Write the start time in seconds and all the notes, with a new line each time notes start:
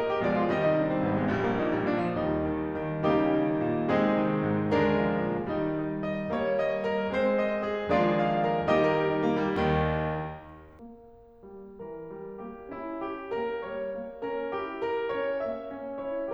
0.00 D#5
0.13 G4
0.21 B2 F3 G#3 D5
0.35 F4
0.49 C3 D#3 G3 D#5
0.63 D#4
0.77 D4
0.89 C4
1.02 G#1 A#3
1.15 G#3
1.28 A#1 G3
1.39 A#3
1.52 A#2 D#4
1.65 G3
1.78 A#2 D4
1.95 F3
2.08 D#2 G3 D#4
2.33 D#3
2.75 D#3
3.00 C#3 G3 A#3 D#4 G4
3.27 D#3
3.58 A#2
3.88 C3 G#3 C4 D#4 G#4
4.16 D#3
4.48 G#2
4.74 D3 G#3 D4 A#4
5.03 F3
5.35 A#2
5.60 D#3 G3 D#4
5.85 D#5
6.13 D#5
6.39 G3 A#3 C#5
6.63 D#5
6.87 A#4
7.09 G#3 C4 C5
7.35 D#5
7.69 G#4
7.91 D#3 F3 G#3 A#3 D4 F4 G#4 D5
8.12 F5
8.35 A#4
8.65 D#3 G3 A#3 D#4 G4 D#5
8.78 A#4
8.95 G4
9.08 D#4
9.21 A#3
9.42 G3
9.62 D#2 D#3
10.88 A#3
11.47 G3
11.77 E3 A#4
12.06 G3
12.33 A#3 G4
12.70 C#4 E4
13.00 G4
13.32 A#3 A#4
13.63 G3 C#5
13.93 A#3
14.20 C#4 A#4
14.49 E4 G4
14.79 A#4
15.08 C#4 C#5
15.38 A#3 E5
15.74 C#4
16.04 E4 C#5